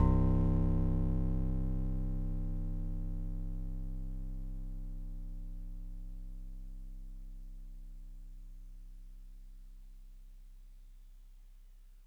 <region> pitch_keycenter=36 lokey=35 hikey=38 tune=-1 volume=10.723395 lovel=66 hivel=99 ampeg_attack=0.004000 ampeg_release=0.100000 sample=Electrophones/TX81Z/FM Piano/FMPiano_C1_vl2.wav